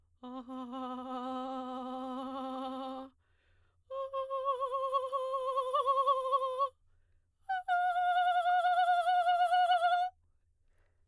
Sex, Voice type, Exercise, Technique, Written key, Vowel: female, soprano, long tones, trillo (goat tone), , a